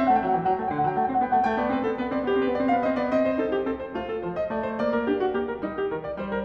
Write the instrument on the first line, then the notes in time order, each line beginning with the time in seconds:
piano
0.00 C4 E5
0.06 F#5
0.12 A3 G5
0.17 F#5
0.24 F#3 G5
0.30 E3 F#5 G5
0.38 F#5
0.45 F#3 G5
0.51 F#5
0.57 A3 G5
0.63 F#5
0.70 D3 G5
0.77 F#5
0.82 F#3 F#5 G5
0.93 A3 G5
0.99 F#5
1.07 C4 G5
1.15 F#5
1.21 B3 G5
1.28 F#5
1.32 A3 E5
1.39 F#5
1.47 A3 G5
1.54 B3
1.61 C4 D5
1.67 B3
1.74 C4 B4
1.80 B3
1.88 C4 A4
1.94 B3
2.01 C4 B4
2.09 B3
2.16 C4 D5
2.23 B3
2.32 C4 G4
2.40 B3
2.46 C4 B4
2.53 B3
2.58 C4 D5
2.64 B3
2.71 C4 F5
2.77 B3
2.84 C4 D#5
2.94 B3
3.01 A3 D5
3.07 C#4
3.12 C4 D#5
3.24 C5
3.39 D#4 A4
3.54 G4
3.65 C4 A4
3.81 C5
3.94 A3 F4
4.08 A4
4.24 F3 C5
4.40 D#5
4.54 A3 D5
4.68 C5
4.83 A#3 D5
4.95 A#4
5.09 D4 G4
5.21 F#4
5.34 A#3 G4
5.47 A#4
5.61 G3 D#4
5.77 G4
5.93 D#3 A#4
6.03 D5
6.15 G3 C5
6.30 A#4